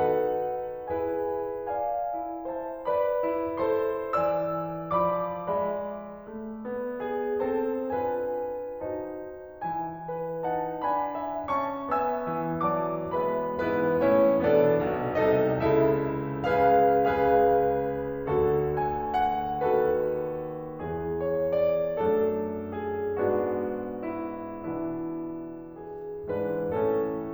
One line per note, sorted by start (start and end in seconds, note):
0.01 0.86 D#4
0.01 0.86 F#4
0.01 0.86 A4
0.01 0.86 B4
0.01 0.86 F#5
0.86 1.67 E4
0.86 1.67 G#4
0.86 1.67 B4
0.86 1.67 G#5
1.67 2.48 D5
1.67 2.48 F5
1.67 2.48 G#5
2.15 3.21 E4
2.49 2.85 C5
2.49 2.85 E5
2.49 2.85 A5
2.86 3.58 B4
2.86 3.58 D5
2.86 3.58 B5
3.21 4.17 E4
3.58 4.17 A4
3.58 4.17 C5
3.58 4.17 C6
4.17 5.09 E3
4.17 5.09 D5
4.17 5.09 G#5
4.17 5.09 E6
5.10 5.49 F3
5.10 5.49 D5
5.10 5.49 A5
5.10 5.49 D6
5.50 6.31 G#3
5.50 7.41 D5
5.50 7.41 E5
5.50 7.41 B5
6.31 6.67 A3
6.67 7.41 B3
7.03 7.41 G#4
7.42 7.91 C4
7.42 7.91 A4
7.42 7.91 A5
7.92 8.84 D4
7.92 8.84 F4
7.92 8.84 B4
7.92 8.84 G#5
8.84 9.62 D#4
8.84 9.62 F#4
8.84 9.62 C5
8.84 9.62 A5
9.64 12.25 E3
9.64 10.43 E4
9.64 10.43 G#5
10.14 10.81 B4
10.44 10.81 D#4
10.44 10.81 F#5
10.44 10.81 A5
10.81 11.50 D4
10.81 11.16 G#5
10.81 11.50 B5
11.16 11.92 E5
11.52 11.92 C#4
11.52 11.92 A5
11.52 11.92 C#6
11.93 12.25 B3
11.93 12.67 E5
11.93 12.67 G#5
11.93 12.67 E6
12.32 13.64 E3
12.67 13.16 F#3
12.67 13.16 A3
12.67 13.16 D5
12.67 13.16 A5
12.67 13.16 D6
13.17 13.64 G#3
13.17 13.64 B3
13.17 13.64 B4
13.17 13.64 B5
13.68 14.01 G#2
13.68 14.01 E3
13.68 14.01 G#3
13.68 14.01 B3
13.68 14.01 E4
13.68 14.01 B4
14.01 14.45 A2
14.01 14.45 E3
14.01 14.45 A3
14.01 14.45 C#4
14.01 14.45 E4
14.01 14.45 C#5
14.46 14.90 B2
14.46 14.90 B3
14.46 15.27 D4
14.46 15.27 A4
14.46 15.27 D5
14.91 15.27 B1
14.91 15.27 B2
15.28 15.61 C2
15.28 15.61 C3
15.28 15.61 D#4
15.28 15.61 A4
15.28 15.61 D#5
15.61 16.46 C#2
15.61 16.46 C#3
15.61 16.46 E4
15.61 16.46 A4
15.61 16.46 E5
16.48 17.07 C#2
16.48 17.07 C#3
16.48 17.07 G#4
16.48 17.07 B4
16.48 17.07 F5
17.07 18.30 C#2
17.07 18.30 C#3
17.07 18.30 G#4
17.07 18.30 B4
17.07 18.73 F5
18.30 19.68 D2
18.30 19.68 D3
18.30 19.68 F#4
18.30 19.68 A4
18.73 19.13 G#5
19.14 19.68 F#5
19.70 20.83 D#2
19.70 20.83 D#3
19.70 20.83 F#4
19.70 20.83 A4
19.70 21.24 B4
20.85 21.96 E2
20.85 21.96 E3
20.85 21.96 G#4
21.24 21.57 C#5
21.57 21.96 D5
21.97 23.19 F#2
21.97 23.19 F#3
21.97 23.19 A3
21.97 23.19 D4
21.97 22.82 A4
22.82 23.19 G#4
23.20 24.56 G#2
23.20 24.56 G#3
23.20 24.56 B3
23.20 24.56 D4
23.20 24.08 F#4
24.08 24.56 E4
24.56 26.35 B2
24.56 26.35 E3
24.56 26.35 B3
24.56 26.35 D4
24.56 25.92 E4
25.92 26.35 G#4
26.36 26.78 G#2
26.36 26.78 E3
26.36 26.78 G#3
26.36 26.78 D4
26.36 26.78 B4
26.79 27.34 A2
26.79 27.34 E3
26.79 27.34 A3
26.79 27.34 C#4
26.79 27.34 A4